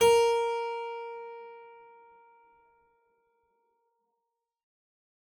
<region> pitch_keycenter=70 lokey=70 hikey=71 volume=-1 trigger=attack ampeg_attack=0.004000 ampeg_release=0.350000 amp_veltrack=0 sample=Chordophones/Zithers/Harpsichord, English/Sustains/Normal/ZuckermannKitHarpsi_Normal_Sus_A#3_rr1.wav